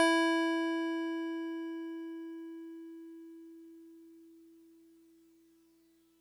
<region> pitch_keycenter=76 lokey=75 hikey=78 volume=11.717426 lovel=66 hivel=99 ampeg_attack=0.004000 ampeg_release=0.100000 sample=Electrophones/TX81Z/FM Piano/FMPiano_E4_vl2.wav